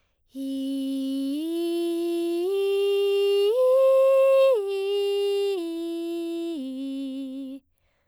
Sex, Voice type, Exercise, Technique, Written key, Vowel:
female, soprano, arpeggios, breathy, , i